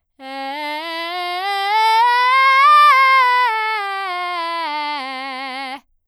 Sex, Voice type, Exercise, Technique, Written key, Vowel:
female, soprano, scales, belt, , e